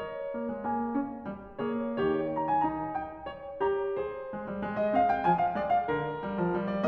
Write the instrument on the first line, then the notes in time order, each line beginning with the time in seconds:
piano
0.00 A#4 C#5
0.34 A#3
0.52 G#3
0.64 A#3 G#5
0.94 C#4
1.29 G3
1.63 A#3 C#5
1.97 D#3 G3 C#5
2.35 A#5
2.48 G#5
2.64 D#4 A#5
2.96 G5
3.30 C#5
3.61 G4 C#5 A#5
3.97 G#4 C5
4.38 G#3
4.50 G3
4.64 G#3
4.79 D#5
4.92 C4 F5
5.09 G5
5.25 F3 G#5
5.40 F5
5.54 G#3 D5
5.69 F5
5.86 D3 A#4
6.27 G3
6.40 F3
6.55 G3
6.71 D5